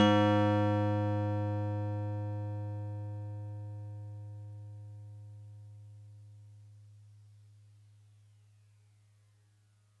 <region> pitch_keycenter=56 lokey=55 hikey=58 volume=10.077203 lovel=100 hivel=127 ampeg_attack=0.004000 ampeg_release=0.100000 sample=Electrophones/TX81Z/FM Piano/FMPiano_G#2_vl3.wav